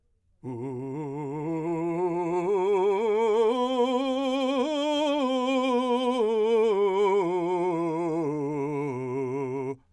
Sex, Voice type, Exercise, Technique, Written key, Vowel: male, , scales, slow/legato forte, C major, u